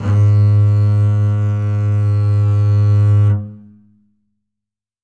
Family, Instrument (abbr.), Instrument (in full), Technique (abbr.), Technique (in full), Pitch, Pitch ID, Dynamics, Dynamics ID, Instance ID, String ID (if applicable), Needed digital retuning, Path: Strings, Cb, Contrabass, ord, ordinario, G#2, 44, ff, 4, 1, 2, FALSE, Strings/Contrabass/ordinario/Cb-ord-G#2-ff-2c-N.wav